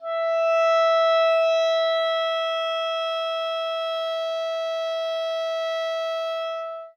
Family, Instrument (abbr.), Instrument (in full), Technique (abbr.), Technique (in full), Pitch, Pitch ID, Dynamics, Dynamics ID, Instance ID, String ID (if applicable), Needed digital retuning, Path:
Winds, ClBb, Clarinet in Bb, ord, ordinario, E5, 76, ff, 4, 0, , FALSE, Winds/Clarinet_Bb/ordinario/ClBb-ord-E5-ff-N-N.wav